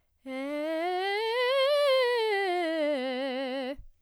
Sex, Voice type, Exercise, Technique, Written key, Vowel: female, soprano, scales, fast/articulated piano, C major, e